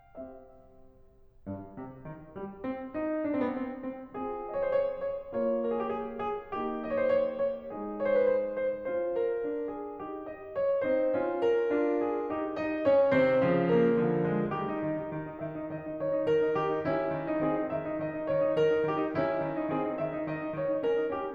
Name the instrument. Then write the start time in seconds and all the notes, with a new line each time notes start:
piano
0.14 C4 G4 E5
1.44 G2
1.76 C3
2.07 D#3
2.37 G3
2.65 C4
2.90 D#4
3.29 D4
3.35 C4
3.40 B3 C4
3.77 C4
4.11 C4 F4 G#4
4.52 D#5
4.57 C#5
4.63 C5
4.70 C#5
5.02 C#5
5.34 A#3 F4 C#5
5.75 A#4
5.79 G#4
5.84 G4
5.89 G#4
6.22 G#4
6.57 A#3 D#4 G4
6.92 D#5
6.97 C#5
7.01 C5
7.06 C#5
7.36 C#5
7.64 G#3 D#4 G#4
8.00 C#5
8.07 C5
8.12 B4
8.16 C5
8.49 C5
8.80 C#4 C5
9.11 A#4
9.43 D4
9.69 G#4
9.96 D#4 G4
10.31 D#5
10.56 C#5
10.84 C4 D#4 C5
11.18 C#4 F4
11.47 A#4
11.74 D4 F4
12.05 G#4
12.29 D#4 G4
12.57 D#4 D#5
12.86 C#4 C#5
13.18 C3 D#3 C4 C5
13.50 C#3 F3
13.76 A#3 A#4
13.98 D3 F3
14.21 G#3 G#4
14.49 D#3 G3 G4
14.63 D#4
14.78 D#3
14.93 D#4
15.13 D#3
15.24 D#4
15.38 D#3 E5
15.49 D#4
15.67 D#3 D#5
15.80 D#4
15.97 D#3 C#5
16.11 D#4
16.29 D#3 A#4
16.44 D#4
16.63 D#3 G4
16.74 D#4
16.86 D#3 C#4 E4
17.16 D#3
17.30 D#4
17.44 D#3 C4 G#4
17.53 D#4
17.67 D#3 E5
17.81 D#4
17.97 D#3 D#5
18.12 D#4
18.31 D#3 C#5
18.44 D#4
18.59 D#3 A#4
18.74 D#4
18.85 D#3 G4
18.98 D#4
19.13 D#3 C#4 E4
19.43 D#3
19.61 D#4
19.70 D#3 C4 G#4
19.84 D#4
19.99 D#3 E5
20.15 D#4
20.29 D#3 D#5
20.44 D#4
20.57 D#3 C#5
20.71 D#4
20.85 C#4 A#4
20.98 D#4
21.12 C#4 G4
21.25 D#4